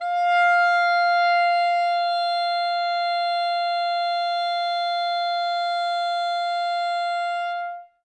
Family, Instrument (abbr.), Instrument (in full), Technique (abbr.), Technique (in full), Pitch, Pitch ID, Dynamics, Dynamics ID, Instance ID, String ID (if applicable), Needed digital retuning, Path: Winds, ClBb, Clarinet in Bb, ord, ordinario, F5, 77, ff, 4, 0, , FALSE, Winds/Clarinet_Bb/ordinario/ClBb-ord-F5-ff-N-N.wav